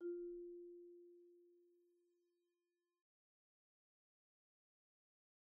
<region> pitch_keycenter=65 lokey=63 hikey=68 volume=31.390224 offset=112 xfout_lovel=0 xfout_hivel=83 ampeg_attack=0.004000 ampeg_release=15.000000 sample=Idiophones/Struck Idiophones/Marimba/Marimba_hit_Outrigger_F3_soft_01.wav